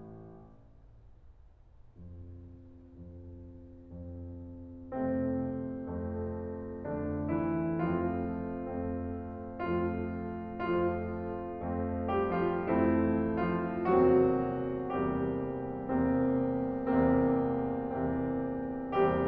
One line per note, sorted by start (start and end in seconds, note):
2.11 3.63 F2
3.65 4.44 F2
4.46 5.28 F2
5.30 6.06 F2
5.30 6.89 C3
5.30 6.06 A3
5.30 6.89 C4
6.09 6.89 F2
6.09 6.89 A3
6.92 7.83 F2
6.92 7.34 D3
6.92 7.83 A3
6.92 7.34 D4
7.35 7.83 E3
7.35 7.83 E4
7.84 8.65 F2
7.84 9.58 F3
7.84 8.65 A3
7.84 8.65 C4
7.84 9.58 F4
8.67 9.58 F2
8.67 9.58 A3
8.67 9.58 C4
9.71 10.66 F2
9.71 10.66 F3
9.71 10.66 A3
9.71 10.66 C4
9.71 10.66 F4
10.70 11.65 F2
10.70 12.09 F3
10.70 11.65 A3
10.70 11.65 C4
10.70 12.09 F4
11.66 12.67 F2
11.66 12.67 A3
11.66 12.67 C4
12.11 12.37 G3
12.11 12.37 G4
12.42 12.67 F3
12.42 12.67 F4
12.68 13.95 F2
12.68 13.39 E3
12.68 13.95 A3
12.68 13.95 C4
12.68 13.39 E4
13.40 13.95 F3
13.40 13.95 F4
14.01 15.19 E2
14.01 15.19 C3
14.01 15.19 F#3
14.01 15.19 A#3
14.01 15.19 C4
14.01 15.19 F#4
15.22 16.18 E2
15.22 16.18 C3
15.22 17.34 G3
15.22 16.18 A#3
15.22 16.18 C4
15.22 17.34 G4
16.20 17.34 E2
16.20 17.34 C3
16.20 17.34 A#3
16.20 17.34 C4
17.37 18.29 E2
17.37 18.29 C3
17.37 18.29 A#3
17.37 18.29 C4
18.31 19.28 E2
18.31 19.28 C3
18.31 19.28 A#3
18.31 19.28 C4